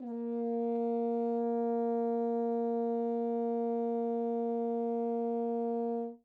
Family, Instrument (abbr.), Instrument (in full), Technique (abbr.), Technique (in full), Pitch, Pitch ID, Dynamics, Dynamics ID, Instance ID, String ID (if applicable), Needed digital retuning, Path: Brass, Hn, French Horn, ord, ordinario, A#3, 58, mf, 2, 0, , FALSE, Brass/Horn/ordinario/Hn-ord-A#3-mf-N-N.wav